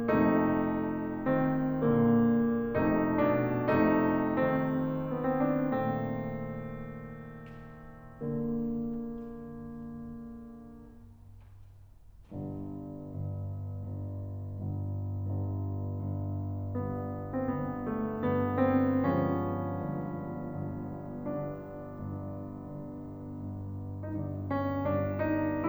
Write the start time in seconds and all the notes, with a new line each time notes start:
0.00 F2 C3 A3 D#4
1.25 D#3 C4
1.85 A#2 D3 A#3
2.72 F2 C3 A3 D#4
3.10 B2 D4
3.81 F2 C3 A3 D#4
4.31 D#3 C4
5.12 B3
5.26 C4
5.38 D4
5.55 A#2 D#3 A3 C4
8.39 A#2 D3 A#3
12.35 G1 G2
12.98 G1 G2
13.84 G1 G2
14.56 G1 G2
15.19 G1 G2
15.86 G1 G2
16.63 G1 G2 B3
17.36 G1 G2 C4
17.45 B3
17.86 A3
18.23 G1 G2 B3
18.65 C4
19.08 G1 G2 F3 G#3 B3 C#4
19.78 G1 G2
20.53 G1 G2
21.04 G1 G2 D4
21.79 G1 G2
22.73 G1 G2
23.31 G1 G2
24.08 G1 G2 D#4
24.14 D4
24.51 C#4
24.88 G1 G2 D4
25.19 D#4